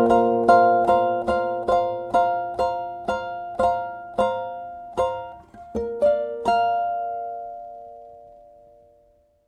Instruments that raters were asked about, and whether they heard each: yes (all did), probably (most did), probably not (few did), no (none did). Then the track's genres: mandolin: yes
banjo: yes
ukulele: probably
Classical; Chamber Music